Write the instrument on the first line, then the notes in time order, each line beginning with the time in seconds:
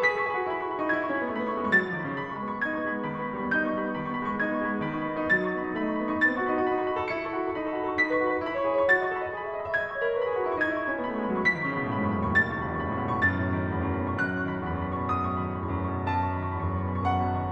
piano
0.00 G#4 B5 B6
0.08 A4 C#6
0.15 B5
0.21 G#4 C#6
0.31 F#4 B5
0.39 C#6
0.46 E4 B5
0.52 F#4 C#6
0.59 B5
0.66 E4 C#6
0.74 D#4 B5
0.81 C#6
0.87 E4 B5 G#6
0.93 D#4 C#6
0.98 B5
1.04 C#4 C#6
1.10 B5
1.15 B3
1.20 C#6
1.25 A3 B5
1.34 B3 C#6
1.40 B5
1.47 A3 C#6
1.53 B5
1.58 G#3 C#6
1.68 F#3 B5 A6
1.78 E3 C#6
1.85 B5
1.92 D#3 C#6
1.99 C#3 B5
2.05 C#6
2.14 D#3 B5
2.23 B3 C#6
2.30 B5
2.37 G#3 C#6
2.43 B3 B5
2.50 C#6
2.58 D#4 B5 G#6
2.73 B3 C#6
2.79 B5
2.91 G#3 C#6
3.01 B5
3.05 B3 C#6
3.12 D#3 B5
3.19 B3 C#6
3.26 B5
3.32 G3 C#6
3.37 B3 B5
3.44 C#6
3.53 D#4 B5 G6
3.60 B3 C#6
3.67 B5
3.75 G3 C#6
3.87 B3 B5
3.92 C#6
3.99 D#3 B5
4.06 B3 C#6
4.14 B5
4.21 G#3 C#6
4.28 B3 B5
4.35 C#6
4.41 D#4 B5 G#6
4.47 B3 C#6
4.55 B5
4.63 G#3 C#6
4.70 B3 B5
4.76 C#6
4.84 D#3 B5
4.92 D#4 C#6
4.99 B5
5.05 B3 C#6
5.13 D#4 B5
5.20 C#6
5.28 F#3 B5 A6
5.36 C#6
5.45 D#4 B5
5.56 B3 C#6
5.62 D#4 B5
5.69 C#6
5.78 A3 B5
5.86 D#4 C#6
5.93 B5
6.00 B3 C#6
6.07 D#4 B5
6.14 C#6
6.20 B3 B5 A6
6.29 F#4 C#6
6.36 B5
6.46 D#4 C#6
6.56 B5
6.61 F#4
6.65 C#6
6.73 D#4 B5
6.82 A4 C#6
6.87 B5
6.92 F#4 C#6
6.97 A4 B5
7.04 C#6
7.09 E4 B5 C#7
7.17 C#6
7.22 A4
7.27 B5
7.36 F#4 C#6
7.42 A4 B5
7.49 C#6
7.62 D#4 B5
7.69 A4 C#6
7.76 B5
7.83 F#4 C#6
7.89 A4 B5
7.95 C#6
8.00 D#4 B5 B6
8.07 B4 C#6
8.15 B5
8.24 F#4 C#6
8.31 B4 B5
8.39 C#6
8.48 E4 B5
8.54 C#6
8.59 C#5
8.64 B5
8.74 G#4 C#6
8.82 B5
8.87 C#5 C#6
8.99 F#4 B5 A6
9.06 D#5 C#6
9.13 B5
9.18 A4 C#6
9.26 D#5 B5
9.32 C#6
9.38 G#4 B5
9.45 E5 C#6
9.52 B5
9.59 D#5 C#6
9.66 E5 B5
9.72 C#6
9.78 D#5 B5 G#6
9.85 E5 C#6
9.91 B5
9.96 C#5 C#6
10.03 B5
10.08 A#4
10.12 C#6
10.19 B4 B5
10.27 G#4 C#6
10.34 B5
10.39 F#4 C#6
10.44 E4 B5
10.51 C#6
10.59 D#4 B5 G#6
10.66 E4 C#6
10.72 B5
10.79 D#4 C#6
10.86 C#4 B5
10.92 C#6
10.98 B3 B5
11.05 A3 C#6
11.12 B5
11.19 G#3 C#6
11.25 F#3 B5
11.34 C#6
11.46 E3 B5 B6
11.54 D#3 C#6
11.60 B5
11.67 C#3 C#6
11.78 B2 B5
11.85 C#6
11.90 A2 B5
11.97 G#2 C#6
12.04 B5
12.12 F#2 C#6
12.18 E2 B5
12.25 C#6
12.32 D#2 B5 A6
12.39 B1 C#6
12.45 B5
12.52 C#2 C#6
12.63 D#2 B5
12.68 C#6
12.76 E2 B5
12.83 F#2 C#6
12.90 B5
12.96 A2 C#6
13.03 B2 B5
13.10 C#6
13.17 F#2 B5 A6
13.22 C#6
13.27 A2 B5
13.39 B2 C#6
13.47 D#3 B5
13.53 C#6
13.60 E2 B5
13.71 F#2 C#6
13.80 B5
13.89 A2 C#6
13.97 B5
14.01 B2 C#6
14.14 F#2 B5 F#6
14.20 C#6
14.29 A2 B5
14.38 B2 C#6
14.50 D#3 B5
14.56 C#6
14.63 E2 B5
14.72 C#6
14.81 F#2
14.92 B5
15.00 A2 C#6
15.07 B2 B5
15.14 C#6
15.20 F#2 B5 D#6
15.27 C#6
15.31 A2 B5
15.42 B2 C#6
15.48 D#3 B5
15.55 C#6
15.62 E2 B5
15.67 C#6
15.72 F#2 B5
15.84 A2 C#6
15.91 B5
15.96 B2 C#6
16.08 F#2 A5 B5
16.16 A2 C#6
16.23 B5
16.30 B2 C#6
16.36 D#3 B5
16.45 C#6
16.56 E2 B5
16.64 F#2 C#6
16.68 B5
16.81 A2 C#6
16.89 B2 B5
16.96 C#6
17.02 F#2 F#5 B5
17.14 A2 C#6
17.22 B5
17.29 B2 C#6
17.37 B5
17.41 D#3 C#6